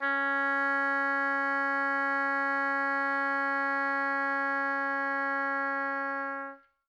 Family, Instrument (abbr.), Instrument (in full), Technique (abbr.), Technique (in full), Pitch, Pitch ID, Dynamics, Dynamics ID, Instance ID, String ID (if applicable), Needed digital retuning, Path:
Winds, Ob, Oboe, ord, ordinario, C#4, 61, mf, 2, 0, , FALSE, Winds/Oboe/ordinario/Ob-ord-C#4-mf-N-N.wav